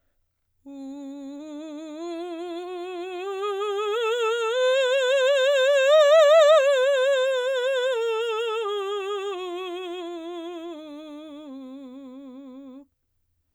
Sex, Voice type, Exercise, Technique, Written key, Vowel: female, soprano, scales, vibrato, , u